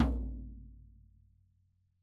<region> pitch_keycenter=63 lokey=63 hikey=63 volume=10.207446 lovel=100 hivel=127 seq_position=1 seq_length=2 ampeg_attack=0.004000 ampeg_release=30.000000 sample=Membranophones/Struck Membranophones/Snare Drum, Rope Tension/Low/RopeSnare_low_ns_Main_vl3_rr2.wav